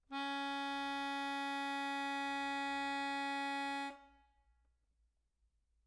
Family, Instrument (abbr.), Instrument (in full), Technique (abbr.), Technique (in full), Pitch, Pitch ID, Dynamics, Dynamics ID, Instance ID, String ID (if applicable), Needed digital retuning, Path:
Keyboards, Acc, Accordion, ord, ordinario, C#4, 61, mf, 2, 2, , FALSE, Keyboards/Accordion/ordinario/Acc-ord-C#4-mf-alt2-N.wav